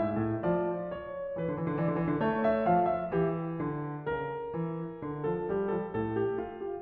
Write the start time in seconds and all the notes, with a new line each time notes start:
0.00 G#2 E5
0.22 A2
0.48 F3 D5
1.00 C#5
1.38 D3 B4
1.47 E3
1.53 D3
1.60 E3
1.67 D3
1.78 E3 D5
1.87 D3
1.94 E3
2.04 D3
2.11 E3
2.17 D3
2.23 A3 E5
2.47 F5
2.69 F3 G5
2.89 E5
3.09 E3 G4
3.59 D3
4.03 C#3 A#4
4.56 E3
5.00 D3
5.27 F3 A4
5.53 G3 G4
5.75 F3 A4
5.97 A2 A4
6.18 G4
6.40 F4
6.63 G4